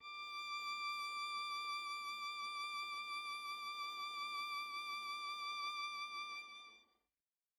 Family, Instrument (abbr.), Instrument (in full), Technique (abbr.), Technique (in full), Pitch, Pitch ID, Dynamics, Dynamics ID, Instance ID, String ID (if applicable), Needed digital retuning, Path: Strings, Va, Viola, ord, ordinario, D6, 86, mf, 2, 0, 1, TRUE, Strings/Viola/ordinario/Va-ord-D6-mf-1c-T15u.wav